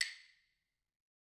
<region> pitch_keycenter=60 lokey=60 hikey=60 volume=9.424839 offset=196 lovel=100 hivel=127 ampeg_attack=0.004000 ampeg_release=15.000000 sample=Idiophones/Struck Idiophones/Claves/Claves1_Hit_v3_rr1_Mid.wav